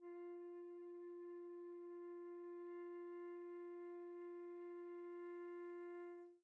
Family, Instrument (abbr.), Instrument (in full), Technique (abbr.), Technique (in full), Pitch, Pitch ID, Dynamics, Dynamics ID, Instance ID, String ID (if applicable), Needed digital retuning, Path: Winds, Fl, Flute, ord, ordinario, F4, 65, pp, 0, 0, , FALSE, Winds/Flute/ordinario/Fl-ord-F4-pp-N-N.wav